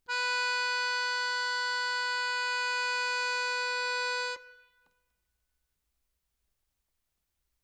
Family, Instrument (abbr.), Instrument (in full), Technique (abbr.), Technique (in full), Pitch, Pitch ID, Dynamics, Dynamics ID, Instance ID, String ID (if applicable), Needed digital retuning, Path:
Keyboards, Acc, Accordion, ord, ordinario, B4, 71, ff, 4, 2, , FALSE, Keyboards/Accordion/ordinario/Acc-ord-B4-ff-alt2-N.wav